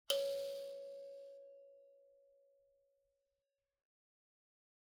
<region> pitch_keycenter=73 lokey=73 hikey=74 tune=2 volume=15.314652 offset=4367 seq_position=2 seq_length=2 ampeg_attack=0.004000 ampeg_release=30.000000 sample=Idiophones/Plucked Idiophones/Mbira dzaVadzimu Nyamaropa, Zimbabwe, Low B/MBira4_pluck_Main_C#4_1_50_100_rr1.wav